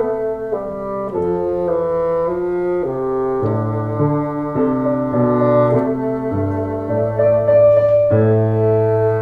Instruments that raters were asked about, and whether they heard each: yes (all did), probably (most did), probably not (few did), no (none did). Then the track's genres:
trombone: no
piano: probably
clarinet: no
trumpet: no
Classical